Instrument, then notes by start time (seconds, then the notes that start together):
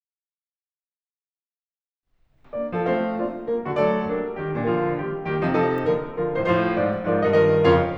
piano
2.05 D3 A#3 D4 D5
2.65 F3 C4 A4 F5
2.74 A3 C4 A4 F5
3.08 A#3 D4 F4 D5
3.42 G3 A#3 A#4
3.66 D3 A3 F#4 D5
3.74 F#3 A3 A4 D5
4.07 G3 A#3 D4 A#4
4.39 D#3 G3 G4
4.62 A#2 F3 D4 A#4
4.69 D3 F3 F4 A#4
4.99 D#3 G3 A#3 G4
5.29 D#3 G3 A#3 G4
5.53 C3 F3 D#4 A4
5.61 C3 F3 D#4 A4
5.91 D3 F3 A#3 A#4
6.18 D3 F3 F4 A#4
6.35 A2 C5
6.43 A2 F3 F4 C5
6.65 G#2 F3 F4 A#4 D5
6.97 G#2 F3 A#4 D5
7.24 G2 D#3 D#5
7.33 G2 D#3 A#4 D#5
7.65 F2 C#3 F4 A#4 C#5 F5